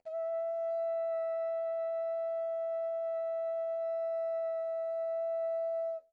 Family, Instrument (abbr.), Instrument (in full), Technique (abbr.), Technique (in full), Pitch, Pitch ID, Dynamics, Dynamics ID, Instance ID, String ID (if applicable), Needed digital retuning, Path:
Brass, Hn, French Horn, ord, ordinario, E5, 76, pp, 0, 0, , FALSE, Brass/Horn/ordinario/Hn-ord-E5-pp-N-N.wav